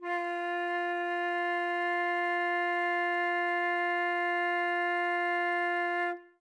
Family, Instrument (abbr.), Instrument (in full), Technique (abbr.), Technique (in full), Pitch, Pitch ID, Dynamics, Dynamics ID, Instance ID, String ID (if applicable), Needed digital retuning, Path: Winds, Fl, Flute, ord, ordinario, F4, 65, ff, 4, 0, , FALSE, Winds/Flute/ordinario/Fl-ord-F4-ff-N-N.wav